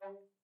<region> pitch_keycenter=55 lokey=55 hikey=56 tune=-4 volume=10.234135 offset=197 ampeg_attack=0.004000 ampeg_release=10.000000 sample=Aerophones/Edge-blown Aerophones/Baroque Bass Recorder/Staccato/BassRecorder_Stac_G2_rr1_Main.wav